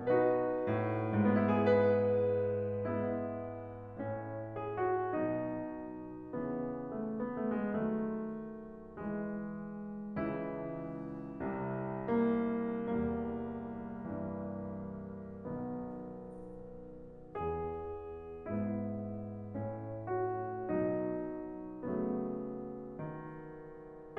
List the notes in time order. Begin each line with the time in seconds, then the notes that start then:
0.00 B2 D#4 F#4 B4
0.65 A2
1.31 B3
1.40 E4
1.49 G#4
1.61 G#2 B4
2.65 G#3 B3 E4
3.94 A2 C#4
4.52 G#4
4.83 F#4
5.12 B2 F#3 D#4
6.37 C#3 E3
7.05 A3
7.21 B3
7.40 A3
7.49 G#3
7.57 D#3 F#3 A3
8.86 E3 G#3
10.15 C#2 C#3 E3 E4
11.48 C2 C3
12.27 A#3
12.97 C2 E2 G3 A#3
14.28 G2 E3
15.53 B1 B2 D#3 B3
17.12 E2 B3 G#4
18.47 G#2 B3 E4
19.57 A2 C#4
20.12 F#4
20.71 B2 F#3 D#4
21.90 C#3 F#3 A3 B3
22.98 D#3